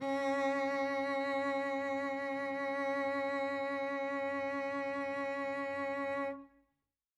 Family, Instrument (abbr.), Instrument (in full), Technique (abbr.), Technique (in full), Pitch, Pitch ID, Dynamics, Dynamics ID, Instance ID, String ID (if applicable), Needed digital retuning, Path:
Strings, Vc, Cello, ord, ordinario, C#4, 61, mf, 2, 2, 3, FALSE, Strings/Violoncello/ordinario/Vc-ord-C#4-mf-3c-N.wav